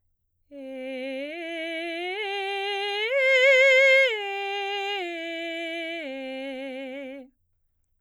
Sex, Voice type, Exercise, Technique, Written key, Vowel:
female, soprano, arpeggios, straight tone, , e